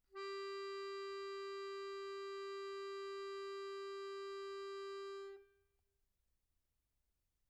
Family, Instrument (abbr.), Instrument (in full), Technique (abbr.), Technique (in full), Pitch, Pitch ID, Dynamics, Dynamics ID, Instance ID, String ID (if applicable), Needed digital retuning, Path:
Keyboards, Acc, Accordion, ord, ordinario, G4, 67, pp, 0, 1, , FALSE, Keyboards/Accordion/ordinario/Acc-ord-G4-pp-alt1-N.wav